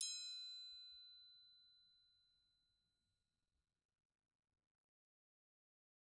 <region> pitch_keycenter=60 lokey=60 hikey=60 volume=15.583062 offset=189 lovel=84 hivel=127 seq_position=1 seq_length=2 ampeg_attack=0.004000 ampeg_release=30.000000 sample=Idiophones/Struck Idiophones/Triangles/Triangle1_Hit_v2_rr1_Mid.wav